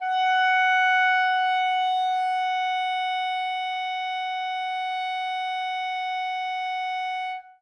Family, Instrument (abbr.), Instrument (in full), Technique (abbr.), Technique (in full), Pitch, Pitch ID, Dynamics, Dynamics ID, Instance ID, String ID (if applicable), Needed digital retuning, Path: Winds, ClBb, Clarinet in Bb, ord, ordinario, F#5, 78, ff, 4, 0, , FALSE, Winds/Clarinet_Bb/ordinario/ClBb-ord-F#5-ff-N-N.wav